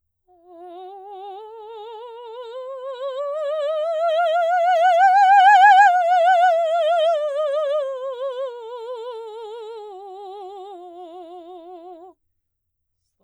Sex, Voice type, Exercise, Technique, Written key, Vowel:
female, soprano, scales, slow/legato piano, F major, o